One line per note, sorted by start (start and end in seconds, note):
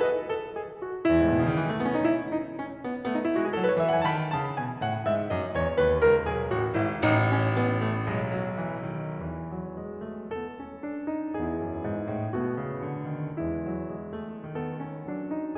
0.00 0.20 B4
0.00 0.20 D#5
0.20 0.52 A4
0.52 0.85 G#4
0.86 1.13 F#4
1.14 1.29 E2
1.14 1.60 E4
1.21 1.36 G#2
1.29 1.42 A2
1.36 1.51 B2
1.43 1.60 C#3
1.54 1.67 D#3
1.60 1.73 E3
1.67 1.81 G#3
1.75 1.88 A3
1.81 1.95 B3
1.88 2.01 C#4
1.95 2.01 D#4
2.04 2.33 E4
2.33 2.59 D#4
2.59 2.83 C#4
2.83 3.10 B3
3.11 3.30 A3
3.11 3.24 C#4
3.16 3.30 D#4
3.24 3.38 E4
3.31 3.61 G#3
3.31 3.53 F#4
3.39 3.61 G#4
3.53 3.68 A4
3.61 3.81 F#3
3.61 3.75 B4
3.69 3.81 D#5
3.76 3.89 E5
3.81 4.05 E3
3.81 3.98 F#5
3.89 4.05 G#5
3.99 4.05 A5
4.06 4.32 D#3
4.06 4.32 B5
4.33 4.57 C#3
4.33 4.57 A5
4.57 4.78 B2
4.57 4.78 G#5
4.78 5.02 A2
4.78 5.02 F#5
5.02 5.31 G#2
5.02 5.31 E5
5.34 5.58 F#2
5.34 5.58 D#5
5.58 5.82 E2
5.58 5.82 C#5
5.82 6.04 D#2
5.82 6.04 B4
6.04 6.29 C#2
6.04 6.29 A4
6.30 6.51 B1
6.30 6.51 G#4
6.52 6.75 A1
6.52 6.75 F#4
6.75 6.95 G#1
6.75 6.95 E4
6.95 8.05 A1
6.95 7.17 D#4
7.17 7.38 C#4
7.40 7.84 B3
7.84 8.05 A3
8.05 9.15 B1
8.05 8.27 G#3
8.27 8.51 F#3
8.53 8.84 E3
8.85 9.15 D#3
9.15 11.31 E2
9.15 9.47 E3
9.47 9.79 F#3
9.80 10.08 G#3
10.10 10.31 A3
10.31 10.59 B3
10.31 11.31 A4
10.59 10.81 C#4
10.81 11.06 D4
11.06 11.31 D#4
11.31 15.57 E2
11.31 12.33 B3
11.31 12.33 E4
11.31 12.33 G#4
11.56 11.80 F#2
11.80 12.06 G#2
12.07 12.33 A2
12.33 12.56 B2
12.33 13.40 A3
12.33 13.40 B3
12.33 13.40 F#4
12.56 12.83 C#3
12.83 13.07 D3
13.07 13.40 D#3
13.41 14.43 E3
13.41 13.63 G#3
13.41 14.43 E4
13.63 13.92 F#3
13.92 14.15 G#3
14.15 14.43 A3
14.44 14.97 D#3
14.44 14.70 B3
14.44 15.57 A4
14.71 14.97 C#4
14.97 15.57 F#3
14.97 15.29 D4
15.29 15.57 D#4